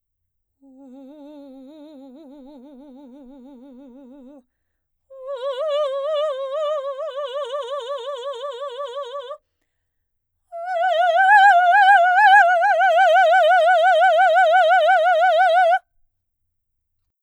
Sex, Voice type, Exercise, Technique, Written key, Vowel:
female, soprano, long tones, trill (upper semitone), , u